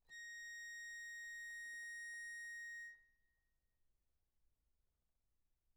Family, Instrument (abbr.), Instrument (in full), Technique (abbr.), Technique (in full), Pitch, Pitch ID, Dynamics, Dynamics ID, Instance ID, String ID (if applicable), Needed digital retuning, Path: Keyboards, Acc, Accordion, ord, ordinario, A#6, 94, p, 1, 0, , FALSE, Keyboards/Accordion/ordinario/Acc-ord-A#6-p-N-N.wav